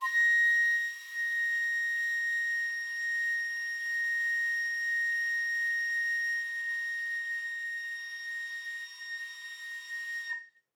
<region> pitch_keycenter=94 lokey=93 hikey=95 volume=10.265266 offset=380 ampeg_attack=0.005000 ampeg_release=0.300000 sample=Aerophones/Edge-blown Aerophones/Baroque Soprano Recorder/Sustain/SopRecorder_Sus_A#5_rr1_Main.wav